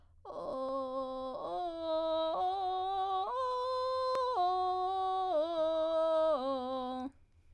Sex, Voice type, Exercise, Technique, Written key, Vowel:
female, soprano, arpeggios, vocal fry, , o